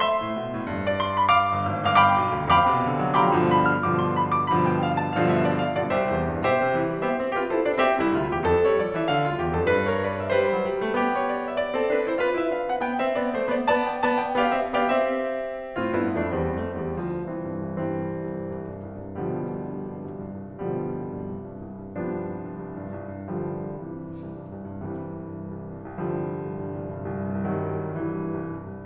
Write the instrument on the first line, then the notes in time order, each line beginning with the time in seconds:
piano
0.00 E5 C6
0.21 A2
0.31 B2
0.55 A2
0.66 G2
0.87 D5
0.99 C6
1.20 B5
1.30 F5 D6
1.53 G1
1.67 G#1
1.86 G1 F5 D6
1.97 F5 G5 B5 D6
2.17 B1
2.32 D2
2.52 G2 F5 G5 B5 D6
2.64 B2
2.86 D3
2.98 F#3
3.23 G3 F5 G5 B5 D6
3.34 G2 B2 D3 F3
3.51 B5
3.61 F6
3.85 G2 B2 D3 F3 D6
3.99 C6
4.23 B5
4.33 D6
4.50 G2 B2 D3 F3 B5
4.61 G5
4.79 F5
4.90 A5
5.15 G2 B2 D3 F3 F5
5.25 E5
5.45 D5
5.54 F5
5.77 G2 B2 D3 F3 D5
5.90 C2 G4 C5 E5
6.12 E2
6.22 G2
6.43 B2 G4 C5 E5
6.57 C3
6.77 E3
6.90 G3
7.08 B3 G4 C5 E5
7.21 C4
7.43 F4 G4 B4
7.52 E4 A4 C5
7.69 D4 B4 D5
7.80 C4 G4 E5
8.01 C2 E4
8.13 D2 F4
8.36 E2 G4
8.45 F2 A4
8.72 G3 C#5
8.82 F3 D5
9.00 E3 E5
9.08 D3 F5
9.26 D2 F4
9.36 E2 G4
9.57 F2 A4
9.67 G2 B4
9.86 A#4 C#5
9.96 B4 D5
10.23 C5 E5
10.34 G3 B4 D5
10.57 F#3
10.67 G3
10.88 A3
10.98 B3 G4
11.16 C#5
11.24 D5
11.46 E5
11.59 D5
11.80 C4 A4
11.90 D4 B4
12.10 E4 C5
12.19 F4 B4
12.40 E4 E5
12.50 D4 F5
12.70 C4 F#5
12.78 B3 G5
13.00 C4 E5
13.14 B3 D5
13.34 A3 C5
13.47 B3 D5
13.66 B3 D5 A5
13.82 G5
14.04 B3 D5 A5
14.18 G5
14.42 B3 G4 D5 F5
14.88 C4 E5
15.20 B3 G4 D5 F5
15.33 C4 E5
15.66 A2
15.79 G2 B3 E4
16.21 F2
16.38 E2 G3 C4
16.59 F2 A3
16.72 E2 G3
17.01 D2 F3
17.15 C2 E3 C4
17.33 G2
17.54 C2
17.73 G2 E3 G3 C4
17.94 C2
18.08 G2
18.26 C2
18.41 G2
18.53 C2
18.69 G2
18.88 C2
19.02 G2
19.18 C2 B2 D3 F3 G3
19.26 G2
19.42 C2
19.57 G2
19.75 C2
19.93 G2
20.07 C2
20.25 G2
20.43 C2
20.61 G2 B2 D3 F3 G3
20.76 C2
20.93 G2
21.15 C2
21.29 G2
21.44 C2
21.56 G2
21.68 C2
21.86 G2
22.04 C2 F3 G3 B3 D4
22.20 G2
22.31 C2
22.37 G2
22.44 C2
22.60 G2
22.79 C2
22.96 G2
23.16 C2
23.30 G2 D3 F3 G3
23.45 C2
23.61 G2
23.79 C2 C3 E3
23.96 G2
24.18 C2
24.33 G2
24.54 C2
24.68 G2
24.86 C2 C3 E3 G3
25.01 G2
25.09 C2
25.21 G2
25.32 C2
25.45 G2
25.54 C2
25.67 G2
25.84 C2
26.02 G2 D3 F3 G3
26.17 C2
26.31 G2
26.48 C2
26.68 G2
26.82 C2
26.94 G2
27.13 C2
27.30 G2
27.48 C2 D#3 F#3 G3
27.65 G2
27.86 C2
28.03 G2 E3
28.17 C2
28.35 G2
28.50 C2
28.67 G2
28.75 C2